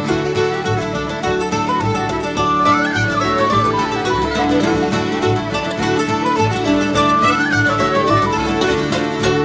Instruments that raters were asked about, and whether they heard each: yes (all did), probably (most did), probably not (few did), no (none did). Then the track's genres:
flute: probably
mandolin: yes
banjo: yes
International; Celtic